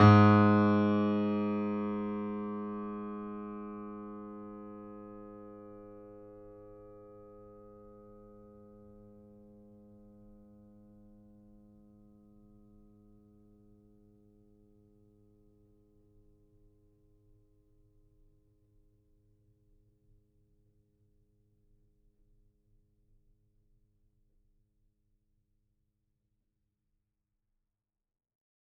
<region> pitch_keycenter=44 lokey=44 hikey=45 volume=1.497896 lovel=100 hivel=127 locc64=0 hicc64=64 ampeg_attack=0.004000 ampeg_release=0.400000 sample=Chordophones/Zithers/Grand Piano, Steinway B/NoSus/Piano_NoSus_Close_G#2_vl4_rr1.wav